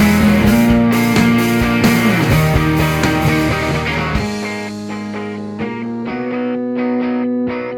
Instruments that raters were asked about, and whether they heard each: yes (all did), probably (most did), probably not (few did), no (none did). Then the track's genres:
cello: no
flute: no
guitar: yes
Folk